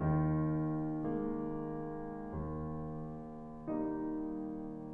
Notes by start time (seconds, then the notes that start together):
0.00 D#2 D#3
1.44 G#3 A#3
2.35 D#2
3.67 G3 A#3 D#4